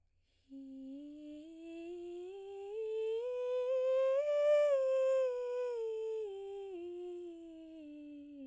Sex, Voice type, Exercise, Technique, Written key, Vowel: female, soprano, scales, breathy, , i